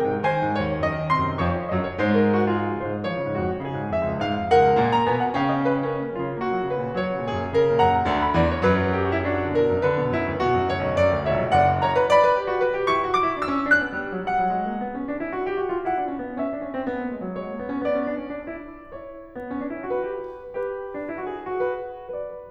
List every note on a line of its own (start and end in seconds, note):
0.01 0.10 C3
0.01 0.21 A#4
0.01 0.21 G5
0.10 0.21 G#2
0.21 0.34 D#3
0.21 0.52 C5
0.21 1.13 G#5
0.35 0.52 C3
0.52 0.63 G#2
0.52 0.75 C#5
0.63 0.75 D#2
0.75 0.88 F#2
0.75 1.43 D#5
0.88 1.13 D#3
1.18 1.27 C3
1.18 1.43 C6
1.27 1.43 F#2
1.43 1.64 F2
1.43 1.64 F3
1.43 1.54 C#5
1.43 1.92 C#6
1.54 1.64 F5
1.64 1.92 F#2
1.64 1.92 F#3
1.64 1.78 D#5
1.79 1.92 C#5
1.92 2.66 G#2
1.92 2.66 G#3
1.92 2.13 C5
2.13 2.23 A#4
2.25 2.40 G#4
2.40 2.50 F#4
2.56 3.26 F4
2.56 2.79 G#4
2.66 2.79 F3
2.79 2.93 C#3
2.79 3.04 C5
2.94 3.04 G#2
3.04 3.15 F3
3.04 3.91 C#5
3.16 3.26 C#3
3.26 3.42 G#2
3.26 3.64 F#4
3.42 3.64 F2
3.65 3.76 C#3
3.65 4.53 G#4
3.76 3.91 G#2
3.91 4.03 F2
3.91 4.20 E5
4.06 4.20 C#2
4.20 4.37 G#2
4.20 4.53 F5
4.38 4.53 F2
4.53 4.72 D#2
4.53 5.40 A#4
4.53 4.93 F#5
4.72 4.82 C#2
4.84 5.08 A#2
4.84 5.08 A#3
4.93 5.08 A#5
5.09 5.40 B2
5.09 5.40 B3
5.09 5.28 G#5
5.28 5.40 F#5
5.40 5.98 C#3
5.40 5.98 C#4
5.40 5.51 F5
5.53 5.64 D#5
5.64 5.74 C#5
5.74 5.87 B4
5.88 6.12 C#4
5.88 6.67 A#4
5.98 6.12 A#3
6.14 6.23 F#3
6.14 6.36 F4
6.23 6.36 C#3
6.36 6.53 A#3
6.36 7.26 F#4
6.54 6.67 F#3
6.67 6.86 C#3
6.67 6.97 B4
6.87 6.97 A#2
6.97 7.12 F#3
6.97 7.78 C#5
7.12 7.26 C#3
7.27 7.46 A#2
7.27 7.56 G#4
7.46 7.56 F#2
7.56 7.68 C#3
7.56 7.78 A#4
7.68 7.78 A#2
7.78 7.88 G#2
7.78 8.26 F#5
7.78 8.35 A#5
7.89 8.03 F#2
8.03 8.35 D2
8.03 8.35 D3
8.26 8.35 D5
8.36 8.72 E2
8.36 8.72 E3
8.36 8.56 C#5
8.56 8.72 B4
8.74 9.41 F#2
8.74 9.41 F#3
8.74 8.88 A#4
8.88 9.00 G4
9.00 9.12 F#4
9.13 9.27 E4
9.27 10.11 D4
9.27 9.53 F#4
9.42 9.53 D3
9.53 9.67 B2
9.53 9.76 A#4
9.67 9.76 F2
9.79 9.94 D3
9.79 10.65 B4
9.94 10.11 B2
10.11 10.30 F#2
10.11 10.42 E4
10.32 10.42 D2
10.42 10.56 B2
10.42 11.24 F#4
10.57 10.65 F#2
10.65 10.84 D2
10.65 10.94 C#5
10.84 10.94 B1
10.95 11.14 F#2
10.95 11.24 D5
11.14 11.24 D2
11.26 11.37 C#2
11.26 11.51 C#5
11.26 11.51 E5
11.37 11.51 B1
11.51 11.78 F#1
11.51 11.78 D5
11.51 11.78 F#5
11.78 11.95 C#5
11.78 12.05 A#5
11.95 12.05 B4
12.05 12.18 D5
12.05 12.93 B5
12.18 12.36 B4
12.41 12.49 G4
12.46 12.59 F#4
12.59 12.71 B4
12.72 12.93 F#4
12.93 13.11 E4
12.93 13.24 C#6
13.13 13.24 D4
13.24 13.35 F#4
13.24 13.46 D6
13.35 13.46 D4
13.52 13.62 C#4
13.52 13.74 E6
13.62 13.74 B3
13.75 13.86 D4
13.75 13.96 F#6
13.86 13.96 B3
13.96 14.10 G3
14.11 14.29 F#3
14.29 14.45 G3
14.29 14.55 F#5
14.45 14.55 F#3
14.56 14.66 G#3
14.66 14.80 A#3
14.81 14.97 B3
14.97 15.10 C#4
15.10 15.21 D4
15.23 15.32 E4
15.32 15.48 F#4
15.49 15.57 G4
15.57 15.69 F#4
15.69 15.84 F4
15.85 15.97 E4
15.85 16.39 F#5
15.97 16.12 D4
16.12 16.24 C#4
16.25 16.39 B3
16.39 16.54 C#4
16.39 17.33 E5
16.55 16.65 D4
16.65 16.78 C#4
16.78 16.88 C4
16.90 17.01 B3
17.01 17.11 A#3
17.12 17.22 G#3
17.22 17.33 F#3
17.33 17.46 G#3
17.33 17.78 C#5
17.46 17.55 A#3
17.57 17.66 B3
17.68 17.78 A#3
17.79 17.91 B3
17.79 18.93 D5
17.91 18.06 C#4
18.06 18.19 D4
18.19 18.38 C#4
18.40 18.54 D4
18.55 18.70 E4
18.93 19.38 E4
18.93 19.89 C#5
19.38 19.51 B3
19.52 19.62 C#4
19.63 19.77 D4
19.77 19.89 E4
19.89 20.06 F#4
19.89 20.46 B4
20.07 20.17 G4
20.46 20.96 G4
20.46 21.46 B4
20.96 21.07 D4
21.07 21.16 E4
21.17 21.28 F#4
21.29 21.46 G#4
21.46 21.91 F#4
21.46 21.60 A#4
21.60 21.69 B4
21.91 22.51 B4
21.91 22.51 D5